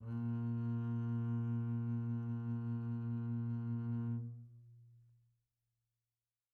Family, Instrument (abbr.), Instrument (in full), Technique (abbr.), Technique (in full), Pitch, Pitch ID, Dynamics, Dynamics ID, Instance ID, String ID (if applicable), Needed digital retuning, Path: Strings, Cb, Contrabass, ord, ordinario, A#2, 46, pp, 0, 1, 2, FALSE, Strings/Contrabass/ordinario/Cb-ord-A#2-pp-2c-N.wav